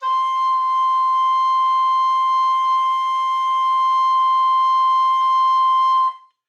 <region> pitch_keycenter=84 lokey=83 hikey=86 volume=6.976658 offset=592 ampeg_attack=0.004000 ampeg_release=0.300000 sample=Aerophones/Edge-blown Aerophones/Baroque Tenor Recorder/Sustain/TenRecorder_Sus_C5_rr1_Main.wav